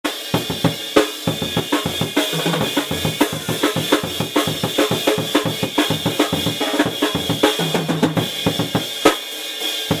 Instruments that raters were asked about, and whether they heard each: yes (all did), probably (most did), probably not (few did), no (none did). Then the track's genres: cymbals: yes
drums: yes
Loud-Rock; Experimental Pop